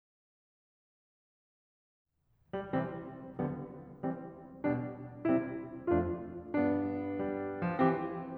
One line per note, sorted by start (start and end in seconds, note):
2.53 2.73 G3
2.74 3.06 C3
2.74 3.06 E3
2.74 3.06 G3
2.74 3.06 C4
3.35 3.64 D3
3.35 3.64 F3
3.35 3.64 G3
3.35 3.64 B3
3.96 4.28 E3
3.96 4.28 G3
3.96 4.28 C4
4.62 4.97 B2
4.62 4.97 G3
4.62 4.97 D4
5.28 5.55 C3
5.28 5.55 G3
5.28 5.55 C4
5.28 5.55 E4
5.87 6.25 F2
5.87 6.25 A3
5.87 6.25 D4
5.87 6.25 F4
6.58 7.20 G2
6.58 7.79 B3
6.58 7.79 D4
7.21 7.65 G3
7.66 7.79 F3
7.79 8.04 E3
7.79 8.04 C4
7.79 8.04 G4